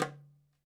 <region> pitch_keycenter=63 lokey=63 hikey=63 volume=4.269883 lovel=84 hivel=127 seq_position=1 seq_length=2 ampeg_attack=0.004000 ampeg_release=30.000000 sample=Membranophones/Struck Membranophones/Darbuka/Darbuka_4_hit_vl2_rr2.wav